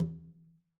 <region> pitch_keycenter=61 lokey=61 hikey=61 volume=20.164805 lovel=66 hivel=99 seq_position=1 seq_length=2 ampeg_attack=0.004000 ampeg_release=15.000000 sample=Membranophones/Struck Membranophones/Conga/Conga_HitN_v2_rr1_Sum.wav